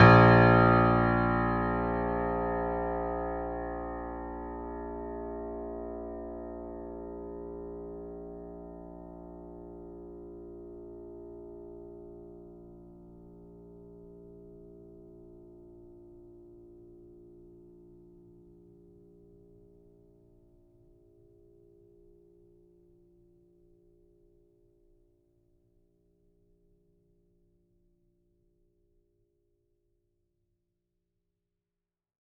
<region> pitch_keycenter=34 lokey=34 hikey=35 volume=0.271118 lovel=100 hivel=127 locc64=0 hicc64=64 ampeg_attack=0.004000 ampeg_release=0.400000 sample=Chordophones/Zithers/Grand Piano, Steinway B/NoSus/Piano_NoSus_Close_A#1_vl4_rr1.wav